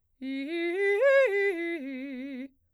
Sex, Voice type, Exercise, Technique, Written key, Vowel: female, soprano, arpeggios, fast/articulated piano, C major, i